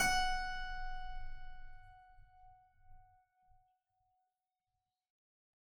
<region> pitch_keycenter=66 lokey=66 hikey=67 volume=-0.181269 trigger=attack ampeg_attack=0.004000 ampeg_release=0.40000 amp_veltrack=0 sample=Chordophones/Zithers/Harpsichord, Flemish/Sustains/High/Harpsi_High_Far_F#4_rr1.wav